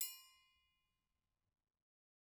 <region> pitch_keycenter=69 lokey=69 hikey=69 volume=16.133992 offset=189 lovel=84 hivel=127 seq_position=1 seq_length=2 ampeg_attack=0.004000 ampeg_release=30.000000 sample=Idiophones/Struck Idiophones/Triangles/Triangle6_Hit_v2_rr1_Mid.wav